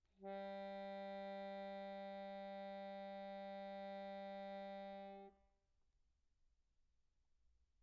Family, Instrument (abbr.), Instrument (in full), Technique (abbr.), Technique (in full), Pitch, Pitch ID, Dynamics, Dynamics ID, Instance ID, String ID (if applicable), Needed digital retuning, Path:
Keyboards, Acc, Accordion, ord, ordinario, G3, 55, pp, 0, 2, , FALSE, Keyboards/Accordion/ordinario/Acc-ord-G3-pp-alt2-N.wav